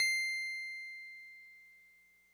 <region> pitch_keycenter=108 lokey=107 hikey=109 volume=14.978827 lovel=0 hivel=65 ampeg_attack=0.004000 ampeg_release=0.100000 sample=Electrophones/TX81Z/FM Piano/FMPiano_C7_vl1.wav